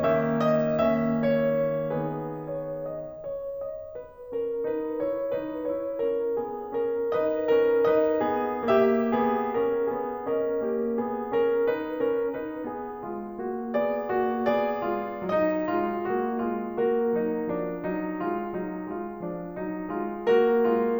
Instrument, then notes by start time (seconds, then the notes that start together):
piano
0.01 D#3 A#3 C#4 G4 E5
0.34 D#5
0.84 D#3 A#3 C#4 G4 E5
1.19 C#5
1.94 D#3 B3 D#4 G#4 B4
2.47 C#5
2.90 D#5
3.26 C#5
3.57 D#5
3.95 B4
4.31 C#4 A#4
4.64 D#4 B4
5.00 E4 C#5
5.29 D#4 B4
5.66 E4 C#5
6.11 C#4 A#4
6.38 B3 G#4
6.72 C#4 A#4
7.05 D#4 B4 D#5
7.46 C#4 A#4
7.87 D#4 B4 D#5
8.31 B3 G#4
8.66 A#3 G4 E5
9.17 B3 G#4
9.65 C#4 A#4
9.94 B3 G#4
10.27 C#4 A#4 D#5
10.55 A#3 G4
10.92 B3 G#4
11.34 C#4 A#4
11.71 D#4 B4
12.05 C#4 A#4
12.35 D#4 B4
12.73 B3 G#4
13.01 G#3 F4
13.36 A#3 F#4
13.79 B3 G#4 D5
14.12 A#3 F#4
14.44 B3 G#4 D5
14.82 G#3 F4
15.30 F#3 D#4 D#5
15.69 G#3 F4
16.07 A#3 F#4
16.43 G#3 F4
16.78 A#3 F#4 A#4
17.13 F#3 D#4
17.44 F3 D4
17.76 F#3 D#4
18.15 G#3 F4
18.54 F#3 D#4
18.90 G#3 F4
19.21 F3 D4
19.55 F#3 D#4
19.91 G#3 F4
20.27 A#3 F#4 A#4
20.67 G#3 F4